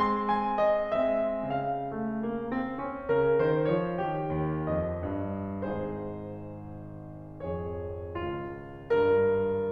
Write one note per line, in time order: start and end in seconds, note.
0.00 1.08 G#3
0.00 1.08 C4
0.00 0.31 C6
0.33 0.68 G#5
0.71 1.08 D#5
1.09 1.89 G#3
1.09 1.89 C4
1.09 1.46 E5
1.47 3.08 C#3
1.47 3.17 F5
1.90 2.22 G#3
2.24 2.51 A#3
2.52 2.79 C4
2.80 3.08 C#4
3.09 3.37 C#3
3.09 3.37 A#4
3.38 3.68 D#3
3.38 3.68 C5
3.69 3.99 F3
3.69 3.99 C#5
4.01 4.33 D#3
4.01 4.68 G4
4.35 4.68 D#2
4.69 5.06 F2
4.69 5.65 D#5
5.07 5.65 G2
5.68 9.71 G#1
5.68 7.45 G#2
5.68 7.45 D#4
5.68 7.45 G#4
5.68 7.45 C5
7.47 8.21 F2
7.47 8.21 G#4
7.47 9.71 C#5
8.22 8.90 C#2
8.22 8.90 F4
8.92 9.71 G2
8.92 9.71 A#4